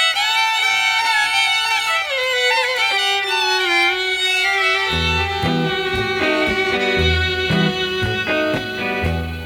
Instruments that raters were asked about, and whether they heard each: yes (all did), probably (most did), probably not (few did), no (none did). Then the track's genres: saxophone: probably not
synthesizer: no
violin: yes
Experimental Pop